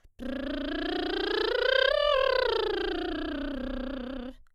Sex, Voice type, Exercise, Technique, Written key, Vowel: female, soprano, scales, lip trill, , e